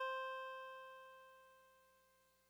<region> pitch_keycenter=60 lokey=59 hikey=62 tune=-2 volume=25.882708 lovel=0 hivel=65 ampeg_attack=0.004000 ampeg_release=0.100000 sample=Electrophones/TX81Z/Clavisynth/Clavisynth_C3_vl1.wav